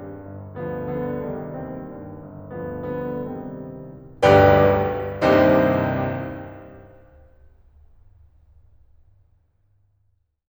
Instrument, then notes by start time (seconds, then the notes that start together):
piano
0.01 G2
0.30 G1
0.68 D2 D3 F3 B3
0.96 G2 D3 F3 B3
1.26 C2 D#3 G3 D4
1.63 D#2 C4
1.91 G2
2.21 G1
2.57 D2 D3 F3 B3
2.98 G2 D3 F3 B3
3.29 C2 D#3 G3 C4
4.43 G1 B1 D2 G2 G4 B4 D5 G5
5.64 C2 D#2 G2 C3 C4 D#4 G4 C5
9.56 C4